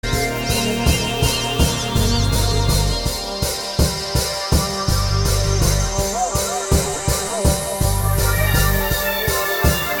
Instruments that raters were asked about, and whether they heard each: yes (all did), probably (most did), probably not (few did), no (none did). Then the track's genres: cymbals: yes
Jazz; Rock; Electronic